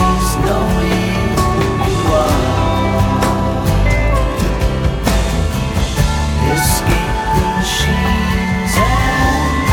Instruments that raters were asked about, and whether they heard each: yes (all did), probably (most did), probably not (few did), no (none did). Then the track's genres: voice: yes
Folk; New Age